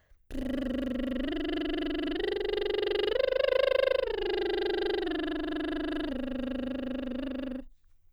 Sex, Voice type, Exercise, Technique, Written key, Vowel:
female, soprano, arpeggios, lip trill, , e